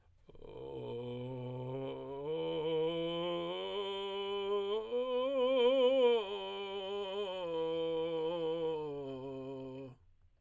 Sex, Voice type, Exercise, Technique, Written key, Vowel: male, tenor, arpeggios, vocal fry, , o